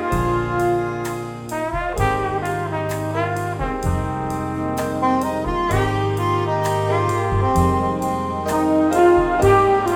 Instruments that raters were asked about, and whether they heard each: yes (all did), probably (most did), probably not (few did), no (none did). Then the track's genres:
trombone: yes
saxophone: yes
trumpet: yes
Blues; Jazz; Big Band/Swing